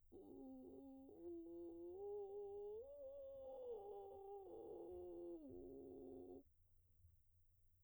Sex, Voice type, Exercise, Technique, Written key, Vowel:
female, soprano, arpeggios, vocal fry, , u